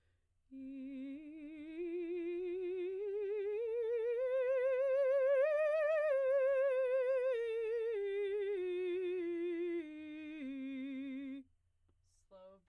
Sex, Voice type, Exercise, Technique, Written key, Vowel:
female, soprano, scales, slow/legato piano, C major, i